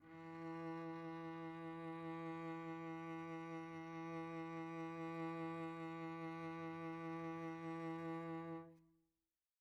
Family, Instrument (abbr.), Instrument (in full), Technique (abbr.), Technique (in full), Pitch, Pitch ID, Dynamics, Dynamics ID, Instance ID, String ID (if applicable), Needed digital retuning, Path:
Strings, Vc, Cello, ord, ordinario, E3, 52, pp, 0, 1, 2, FALSE, Strings/Violoncello/ordinario/Vc-ord-E3-pp-2c-N.wav